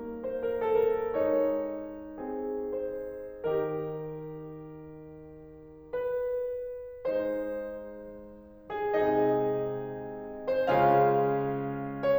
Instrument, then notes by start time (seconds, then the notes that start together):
piano
0.00 A#3 C5
0.35 A#4
0.59 A4
0.96 A#4
1.16 G#3 D#4 C#5
2.19 C4 G#4
2.76 C5
3.48 D#3 D#4 G4 A#4
5.93 B4
7.08 G#3 D#4 C5
8.71 G#4
9.00 C3 G#3 C4 D#4 G#4 D#5
10.47 C5
10.72 C#3 G#3 C#4 F4 G#4 F5
12.03 C#5